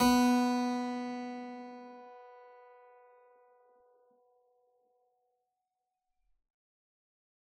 <region> pitch_keycenter=59 lokey=59 hikey=59 volume=-0.103937 trigger=attack ampeg_attack=0.004000 ampeg_release=0.400000 amp_veltrack=0 sample=Chordophones/Zithers/Harpsichord, Unk/Sustains/Harpsi4_Sus_Main_B2_rr1.wav